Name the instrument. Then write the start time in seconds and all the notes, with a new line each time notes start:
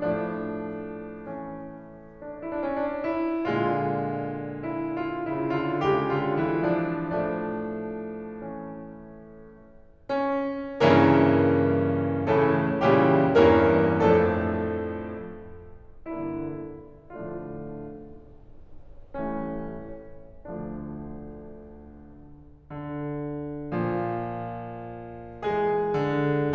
piano
0.00 A2 F3 A3 D4
1.22 E3 C#4
2.21 D4
2.43 E4
2.54 D4
2.61 C#4
2.73 D4
3.05 E4
3.49 A#2 D3 G#3 F4
4.66 E4
4.91 F4
5.20 C#3 E4
5.51 D3 F4
5.86 C#3 G3 G4
6.12 D3 F4
6.41 E3 E4
6.68 F3 D4
7.08 A2 F3 A3 D4
8.25 E3 C#4
10.33 C#4
10.83 G2 C#3 E3 A#3 C#4 E4 A#4
12.45 A2 C#3 E3 A3 C#4 E4 A4
12.89 A#2 C#3 E3 G3 C#4 E4 G4
13.42 E2 G2 E3 A#3 C#4 A#4
14.11 F2 A2 F3 A3 D4 A4
16.10 G2 D3 E3 A#3 D4 E4
17.06 A2 D3 F3 A3 D4 F4
19.16 A1 A2 E3 G3 A3 C#4
20.22 D2 D3 F3 A3 D4
21.87 D3
23.71 A#2 F3
25.53 E3 G#3 G#4
25.97 D3